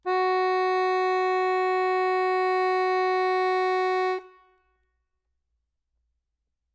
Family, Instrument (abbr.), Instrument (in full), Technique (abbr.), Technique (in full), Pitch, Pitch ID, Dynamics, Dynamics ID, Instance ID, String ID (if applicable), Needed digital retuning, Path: Keyboards, Acc, Accordion, ord, ordinario, F#4, 66, ff, 4, 0, , FALSE, Keyboards/Accordion/ordinario/Acc-ord-F#4-ff-N-N.wav